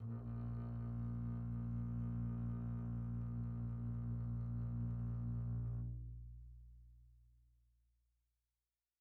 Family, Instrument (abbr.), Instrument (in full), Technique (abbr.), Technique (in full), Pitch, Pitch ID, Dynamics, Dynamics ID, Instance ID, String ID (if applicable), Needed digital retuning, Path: Strings, Cb, Contrabass, ord, ordinario, A#1, 34, pp, 0, 2, 3, FALSE, Strings/Contrabass/ordinario/Cb-ord-A#1-pp-3c-N.wav